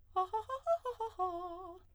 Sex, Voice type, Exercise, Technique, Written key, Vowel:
female, soprano, arpeggios, fast/articulated piano, F major, a